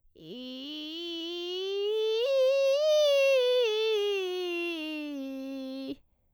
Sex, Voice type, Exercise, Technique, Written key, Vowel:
female, soprano, scales, vocal fry, , i